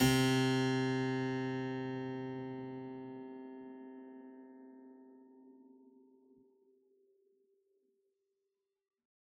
<region> pitch_keycenter=48 lokey=48 hikey=48 volume=1.573665 trigger=attack ampeg_attack=0.004000 ampeg_release=0.400000 amp_veltrack=0 sample=Chordophones/Zithers/Harpsichord, Unk/Sustains/Harpsi4_Sus_Main_C2_rr1.wav